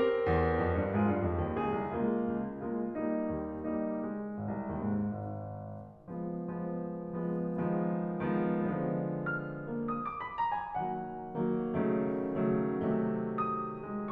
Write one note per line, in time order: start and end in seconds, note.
0.00 1.24 C4
0.00 0.96 G4
0.00 0.96 A#4
0.27 0.66 E2
0.66 0.81 F2
0.81 0.96 G2
0.96 1.09 G#2
0.96 1.24 F4
0.96 1.24 G#4
1.10 1.24 G2
1.24 1.42 F2
1.42 1.60 D#2
1.63 1.83 C#2
1.63 1.97 G#3
1.63 1.97 G#4
1.83 1.97 C2
1.97 2.35 C#2
1.97 2.35 G#3
1.97 2.35 A#3
1.97 2.35 F4
2.35 2.64 C#2
2.64 2.95 G#3
2.64 2.95 A#3
2.64 2.95 F4
2.95 3.31 G3
2.95 3.31 A#3
2.95 3.31 D#4
3.32 3.72 D#2
3.72 4.01 G3
3.72 4.01 A#3
3.72 4.01 D#4
4.01 4.28 G#3
4.28 4.48 G#1
4.48 4.69 C2
4.69 4.92 D#2
4.92 5.18 G#2
5.19 5.61 G#1
6.10 6.47 F3
6.10 6.47 G#3
6.10 6.47 B3
6.48 7.28 F3
6.48 7.28 G#3
6.48 7.28 B3
7.29 7.59 F3
7.29 7.59 G#3
7.29 7.59 B3
7.59 8.24 D#3
7.59 8.24 F3
7.59 8.24 G#3
7.59 8.24 B3
8.25 8.56 D#3
8.25 8.56 F3
8.25 8.56 G#3
8.25 8.56 B3
8.56 10.03 D3
8.56 10.03 F3
8.56 10.03 G#3
8.56 9.72 B3
9.39 9.88 F6
9.72 10.03 A#3
9.88 10.03 D#6
10.04 10.19 D6
10.19 10.33 B5
10.33 10.55 A#5
10.57 10.79 G#5
10.79 11.39 D#3
10.79 11.39 F#3
10.79 11.39 A#3
10.79 11.10 F#5
11.39 11.70 D#3
11.39 11.70 F#3
11.39 11.70 A#3
11.77 12.46 C#3
11.77 12.46 D#3
11.77 12.46 F#3
11.77 12.46 A3
12.46 12.84 C#3
12.46 12.84 D#3
12.46 12.84 F#3
12.46 12.84 A3
12.85 14.12 C3
12.85 14.12 D#3
12.85 14.12 F#3
12.85 13.80 A3
13.44 13.97 D#6
13.80 14.12 G#3
13.98 14.12 C#6